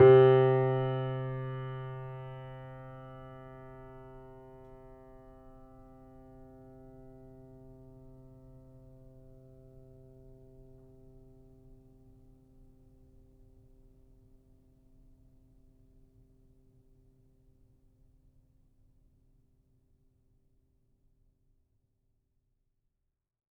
<region> pitch_keycenter=48 lokey=48 hikey=49 volume=-0.124074 lovel=66 hivel=99 locc64=0 hicc64=64 ampeg_attack=0.004000 ampeg_release=0.400000 sample=Chordophones/Zithers/Grand Piano, Steinway B/NoSus/Piano_NoSus_Close_C3_vl3_rr1.wav